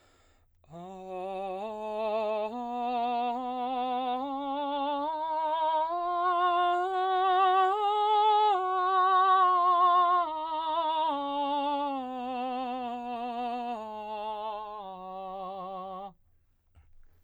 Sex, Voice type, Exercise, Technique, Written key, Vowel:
male, baritone, scales, slow/legato piano, F major, a